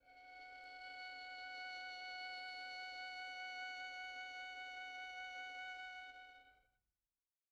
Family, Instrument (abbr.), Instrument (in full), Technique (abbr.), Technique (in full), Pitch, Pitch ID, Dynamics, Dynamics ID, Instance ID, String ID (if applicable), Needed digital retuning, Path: Strings, Vn, Violin, ord, ordinario, F#5, 78, pp, 0, 2, 3, FALSE, Strings/Violin/ordinario/Vn-ord-F#5-pp-3c-N.wav